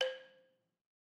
<region> pitch_keycenter=72 lokey=69 hikey=74 volume=10.996945 offset=185 lovel=100 hivel=127 ampeg_attack=0.004000 ampeg_release=30.000000 sample=Idiophones/Struck Idiophones/Balafon/Traditional Mallet/EthnicXylo_tradM_C4_vl3_rr1_Mid.wav